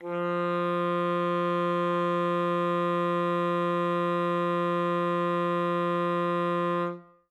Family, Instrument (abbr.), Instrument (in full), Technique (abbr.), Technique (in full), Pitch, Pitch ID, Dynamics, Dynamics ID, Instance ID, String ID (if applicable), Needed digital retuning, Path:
Winds, ASax, Alto Saxophone, ord, ordinario, F3, 53, ff, 4, 0, , FALSE, Winds/Sax_Alto/ordinario/ASax-ord-F3-ff-N-N.wav